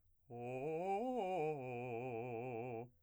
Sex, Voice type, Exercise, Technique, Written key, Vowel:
male, , arpeggios, fast/articulated piano, C major, o